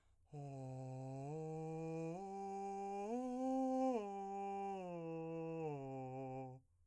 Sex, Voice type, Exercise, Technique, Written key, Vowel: male, , arpeggios, breathy, , o